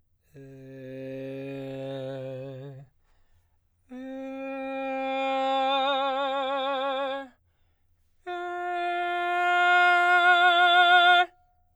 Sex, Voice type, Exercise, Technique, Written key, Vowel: male, baritone, long tones, messa di voce, , e